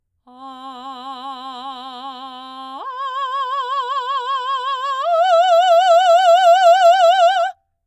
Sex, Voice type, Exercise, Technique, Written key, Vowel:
female, soprano, long tones, full voice forte, , a